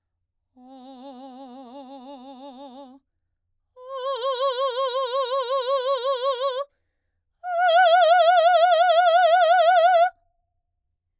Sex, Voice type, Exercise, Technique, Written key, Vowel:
female, soprano, long tones, full voice forte, , o